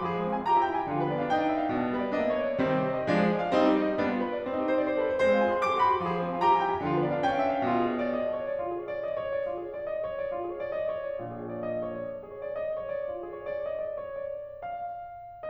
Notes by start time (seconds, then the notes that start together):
0.00 F3 G#4
0.12 G#3 C5
0.24 C4 F5
0.38 F4 G#5
0.48 G4 A#5
0.56 F4 G#5
0.65 E4 G5
0.77 F4 G#5
0.86 D3 F4
0.96 F3 B4
1.07 B3 D5
1.17 D4 F5
1.30 D#4 G5
1.38 D4 F5
1.47 C#4 E5
1.58 D4 F5
1.71 B2 D4
1.80 D3 G4
1.90 G3 B4
2.01 B3 D5
2.11 C4 D#5
2.23 B3 D5
2.35 A#3 C#5
2.48 B3 D5
2.59 C3 D#3 G3 C4
2.75 G4
2.87 C5
2.98 D#5
3.08 F3 G#3 D4
3.18 G#4
3.32 D5
3.45 F5
3.55 G3 C4 D#4
3.68 G4
3.81 C5
3.91 D#5
4.01 G3 B3 D4
4.12 F4
4.24 B4
4.34 D5
4.44 C4
4.57 D#4
4.70 G4
4.79 C5
4.88 D5
4.97 C5
5.07 B4
5.31 G#3 C5
5.39 C4 F5
5.47 F4 G#5
5.55 G#4 C6
5.63 A#4 D6
5.74 G#4 C6
5.82 G4 B5
5.92 G#4 C6
6.03 F3 G#4
6.14 G#3 C5
6.20 C4 F5
6.30 F4 G#5
6.42 G4 A#5
6.54 F4 G#5
6.64 E4 G5
6.75 F4 G#5
6.86 D3 F4
6.97 F3 B4
7.07 B3 D5
7.17 D4 F5
7.28 D#4 G5
7.40 D4 F5
7.51 C#4 E5
7.59 D4 F5
7.70 B2 F4
7.86 G#4
7.95 C#5
8.08 D5
8.20 D#5
8.34 D5
8.43 C#5
8.51 D5
8.60 F4
8.71 G#4
8.82 C#5
8.92 D5
9.02 D#5
9.09 D5
9.20 C#5
9.32 D5
9.46 F4
9.57 G#4
9.65 C#5
9.75 D5
9.85 D#5
9.96 D5
10.09 C#5
10.21 D5
10.30 F4
10.39 G#4
10.48 C#5
10.60 D5
10.67 D#5
10.79 D5
10.91 C#5
11.03 D5
11.18 A#1 A#2 F4
11.32 G#4
11.42 C#5
11.52 D5
11.64 D#5
11.77 D5
11.89 C#5
12.00 D5
12.13 F4
12.24 G#4
12.36 C#5
12.48 D5
12.60 D#5
12.71 D5
12.83 C#5
12.97 D5
13.08 F4
13.22 G#4
13.36 C#5
13.51 D5
13.68 D#5
13.84 D5
14.02 C#5
14.26 D5
14.50 F5